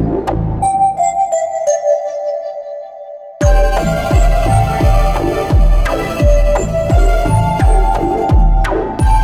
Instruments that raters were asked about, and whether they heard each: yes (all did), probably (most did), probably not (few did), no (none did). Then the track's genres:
flute: no
Electronic; Noise; Industrial